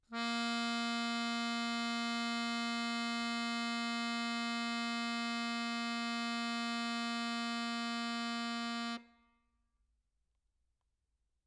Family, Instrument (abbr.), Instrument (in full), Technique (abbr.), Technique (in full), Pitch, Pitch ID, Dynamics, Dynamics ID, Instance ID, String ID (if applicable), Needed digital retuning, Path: Keyboards, Acc, Accordion, ord, ordinario, A#3, 58, mf, 2, 3, , FALSE, Keyboards/Accordion/ordinario/Acc-ord-A#3-mf-alt3-N.wav